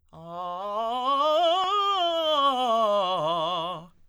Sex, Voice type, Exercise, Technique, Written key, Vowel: male, tenor, scales, fast/articulated piano, F major, a